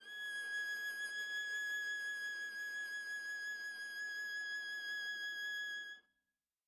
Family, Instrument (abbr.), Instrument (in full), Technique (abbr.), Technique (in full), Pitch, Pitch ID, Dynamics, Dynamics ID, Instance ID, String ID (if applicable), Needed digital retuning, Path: Strings, Va, Viola, ord, ordinario, G#6, 92, mf, 2, 0, 1, FALSE, Strings/Viola/ordinario/Va-ord-G#6-mf-1c-N.wav